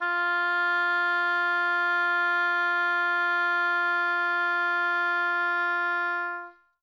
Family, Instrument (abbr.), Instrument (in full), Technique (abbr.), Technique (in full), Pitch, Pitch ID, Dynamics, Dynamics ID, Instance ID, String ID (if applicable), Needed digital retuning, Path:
Winds, Ob, Oboe, ord, ordinario, F4, 65, mf, 2, 0, , FALSE, Winds/Oboe/ordinario/Ob-ord-F4-mf-N-N.wav